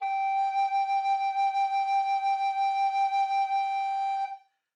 <region> pitch_keycenter=79 lokey=79 hikey=80 tune=-2 volume=11.822791 offset=260 ampeg_attack=0.004000 ampeg_release=0.300000 sample=Aerophones/Edge-blown Aerophones/Baroque Tenor Recorder/SusVib/TenRecorder_SusVib_G4_rr1_Main.wav